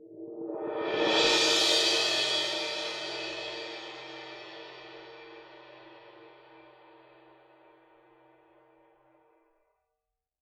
<region> pitch_keycenter=65 lokey=65 hikey=65 volume=15.000000 ampeg_attack=0.004000 ampeg_release=2.000000 sample=Idiophones/Struck Idiophones/Suspended Cymbal 1/susCymb1_cresc_2s.wav